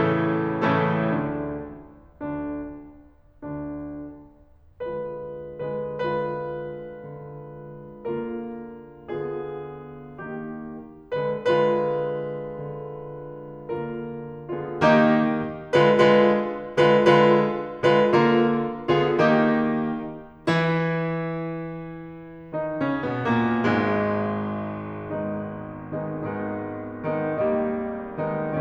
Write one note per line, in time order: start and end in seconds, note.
0.00 0.63 A2
0.00 0.63 C#3
0.00 0.63 E3
0.00 0.63 A3
0.00 0.63 C#4
0.00 0.63 E4
0.00 0.63 A4
0.64 0.84 A2
0.64 0.84 C#3
0.64 0.84 E3
0.64 0.84 A3
0.64 0.84 C#4
0.64 0.84 E4
0.64 0.84 A4
0.85 1.83 D2
0.85 1.83 D3
0.85 1.83 D4
1.85 3.40 D2
1.85 3.40 D3
1.85 3.40 D4
3.40 4.97 D2
3.40 4.97 D3
3.40 4.97 D4
4.98 5.74 D3
4.98 5.74 G#3
4.98 5.74 F4
4.98 5.74 B4
5.76 5.96 D3
5.76 5.96 G#3
5.76 5.96 F4
5.76 5.96 B4
6.03 6.91 D3
6.03 8.00 G#3
6.03 8.00 F4
6.03 8.00 B4
6.91 8.00 D3
8.01 9.11 D3
8.01 9.11 A#3
8.01 9.11 F4
8.01 9.11 A#4
9.11 10.19 D3
9.11 10.19 B3
9.11 10.19 F4
9.11 10.19 G#4
10.21 11.30 D#3
10.21 11.30 A#3
10.21 11.30 D#4
10.21 11.30 G4
11.33 11.62 D3
11.33 11.62 G#3
11.33 11.62 F4
11.33 11.62 B4
11.62 12.62 D3
11.62 13.71 G#3
11.62 13.71 F4
11.62 13.71 B4
12.63 13.71 D3
13.72 14.49 D3
13.72 14.49 G#3
13.72 14.49 F4
13.72 14.49 A#4
14.50 14.86 D3
14.50 14.86 B3
14.50 14.86 F4
14.50 14.86 G#4
14.86 15.73 D#3
14.86 15.73 A#3
14.86 15.73 D#4
14.86 15.73 G4
15.82 15.99 D3
15.82 15.99 G#3
15.82 15.99 F4
15.82 15.99 B4
16.00 16.79 D3
16.00 16.79 G#3
16.00 16.79 F4
16.00 16.79 B4
16.80 17.07 D3
16.80 17.07 G#3
16.80 17.07 F4
16.80 17.07 B4
17.07 17.83 D3
17.07 17.83 G#3
17.07 17.83 F4
17.07 17.83 B4
17.83 18.12 D3
17.83 18.12 G#3
17.83 18.12 F4
17.83 18.12 B4
18.13 18.89 D3
18.13 18.89 A#3
18.13 18.89 F4
18.13 18.89 A#4
18.91 19.19 D3
18.91 19.19 B3
18.91 19.19 F4
18.91 19.19 G#4
19.19 20.47 D#3
19.19 20.47 A#3
19.19 20.47 D#4
19.19 20.47 G4
20.48 22.57 E3
20.48 22.57 E4
22.57 22.79 D#3
22.57 22.79 D#4
22.80 23.06 C#3
22.80 23.06 C#4
23.06 23.25 B2
23.06 23.25 B3
23.25 23.64 A#2
23.25 23.64 A#3
23.65 26.04 G#1
23.65 28.60 G#2
23.65 25.12 G#3
25.12 25.89 D#3
25.12 25.89 G#3
25.12 25.89 B3
25.12 25.89 D#4
25.89 26.04 D#3
25.89 26.04 G#3
25.89 26.04 B3
25.89 26.04 D#4
26.05 28.60 G#1
26.05 26.81 D#3
26.05 26.81 G#3
26.05 26.81 B3
26.05 26.81 D#4
26.82 27.11 D#3
26.82 27.11 G#3
26.82 27.11 B3
26.82 27.11 D#4
27.19 28.29 D#3
27.19 28.29 G3
27.19 28.29 A#3
27.19 28.29 D#4
28.29 28.60 D#3
28.29 28.60 G#3
28.29 28.60 B3
28.29 28.60 D#4